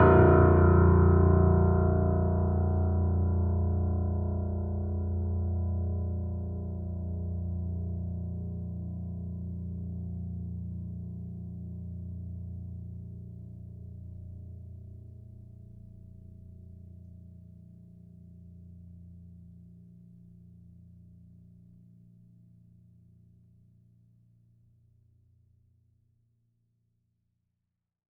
<region> pitch_keycenter=22 lokey=21 hikey=23 volume=0.157074 lovel=0 hivel=65 locc64=65 hicc64=127 ampeg_attack=0.004000 ampeg_release=0.400000 sample=Chordophones/Zithers/Grand Piano, Steinway B/Sus/Piano_Sus_Close_A#0_vl2_rr1.wav